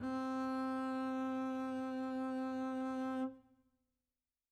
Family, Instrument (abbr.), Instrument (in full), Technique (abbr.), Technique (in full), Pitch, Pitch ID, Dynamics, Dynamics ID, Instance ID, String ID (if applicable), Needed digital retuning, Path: Strings, Cb, Contrabass, ord, ordinario, C4, 60, mf, 2, 0, 1, FALSE, Strings/Contrabass/ordinario/Cb-ord-C4-mf-1c-N.wav